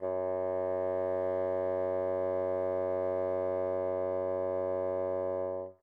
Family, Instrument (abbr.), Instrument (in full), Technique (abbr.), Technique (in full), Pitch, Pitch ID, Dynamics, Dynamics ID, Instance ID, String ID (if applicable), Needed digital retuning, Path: Winds, Bn, Bassoon, ord, ordinario, F#2, 42, mf, 2, 0, , FALSE, Winds/Bassoon/ordinario/Bn-ord-F#2-mf-N-N.wav